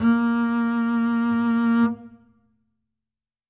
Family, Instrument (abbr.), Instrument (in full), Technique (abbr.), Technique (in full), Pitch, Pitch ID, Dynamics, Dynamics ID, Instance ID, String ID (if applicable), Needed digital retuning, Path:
Strings, Cb, Contrabass, ord, ordinario, A#3, 58, ff, 4, 1, 2, FALSE, Strings/Contrabass/ordinario/Cb-ord-A#3-ff-2c-N.wav